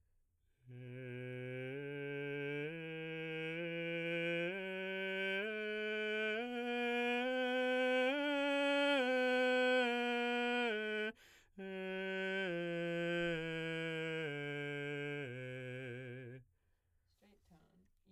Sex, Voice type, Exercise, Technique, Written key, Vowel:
male, baritone, scales, straight tone, , e